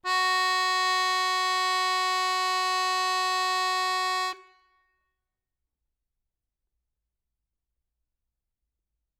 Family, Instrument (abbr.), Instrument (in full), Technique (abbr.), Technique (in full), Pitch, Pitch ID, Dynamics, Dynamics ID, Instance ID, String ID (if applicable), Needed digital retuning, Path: Keyboards, Acc, Accordion, ord, ordinario, F#4, 66, ff, 4, 1, , FALSE, Keyboards/Accordion/ordinario/Acc-ord-F#4-ff-alt1-N.wav